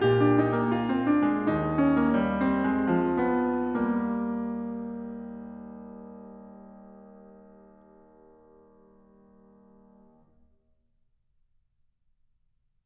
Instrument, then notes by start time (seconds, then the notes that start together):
piano
0.00 A#2 G4
0.20 D4
0.44 D#4
0.63 A#3
0.78 F4
0.95 C4
1.11 D4
1.30 G#3
1.54 D#2 D#4
1.75 C#4
1.99 A#3
2.17 G3
2.41 C4
2.75 G#3
3.00 F3
3.29 B3
3.72 G3 A#3